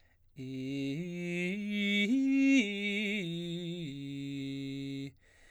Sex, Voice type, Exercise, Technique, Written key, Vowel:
male, baritone, arpeggios, slow/legato forte, C major, i